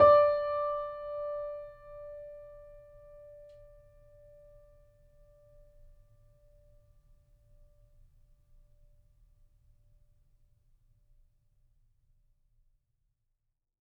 <region> pitch_keycenter=74 lokey=74 hikey=75 volume=0.837116 lovel=66 hivel=99 locc64=0 hicc64=64 ampeg_attack=0.004000 ampeg_release=0.400000 sample=Chordophones/Zithers/Grand Piano, Steinway B/NoSus/Piano_NoSus_Close_D5_vl3_rr1.wav